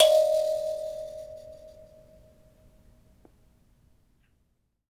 <region> pitch_keycenter=75 lokey=75 hikey=76 tune=-2 volume=-4.520796 ampeg_attack=0.004000 ampeg_release=15.000000 sample=Idiophones/Plucked Idiophones/Mbira Mavembe (Gandanga), Zimbabwe, Low G/Mbira5_Normal_MainSpirit_D#4_k21_vl2_rr1.wav